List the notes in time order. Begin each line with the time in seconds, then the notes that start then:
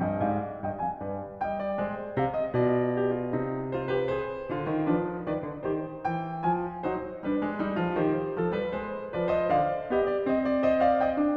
0.00 G2 D#5 G5
0.21 G#2 D5 F5
0.62 G2 D#5 G5
0.81 F2 F5 G#5
1.00 G2 B4 D5
1.42 G3 D#5 G5
1.61 D5
1.78 G#3 C5
2.19 C3 D5 F5
2.36 D#5
2.55 B2 F4 D5
2.98 G4
3.20 F4
3.41 C3 D#4
3.73 F4 C5
3.91 G4 B4
4.08 G#4 C5
4.50 D3 F4
4.67 D#3
4.85 F3 D4 B4
5.27 D#3 B4 D5
5.46 D3
5.64 D#3 G4 C5
6.01 E3 G5
6.36 F3 G#5
6.87 F#3 D#4 C5
7.23 G3 D4 B4
7.40 G#3
7.57 G3 D#4
7.80 F3 F4
7.98 D#3 G4 C5
8.34 F3 A4
8.59 G3 B4
8.77 G#3 C5
9.10 F3 B4 D5
9.33 C5 D#5
9.50 D3 D5 F5
9.90 B3 G4 D#5
10.09 D5
10.26 C4 D#5
10.44 D5
10.60 C5 D#5
10.79 D5 F5
10.97 D#5 G5
11.16 D4